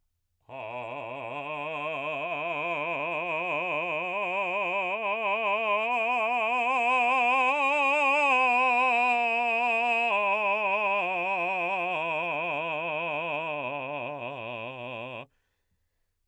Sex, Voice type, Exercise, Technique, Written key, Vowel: male, baritone, scales, vibrato, , a